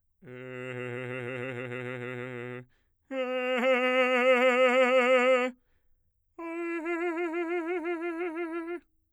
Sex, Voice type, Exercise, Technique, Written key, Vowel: male, bass, long tones, trillo (goat tone), , e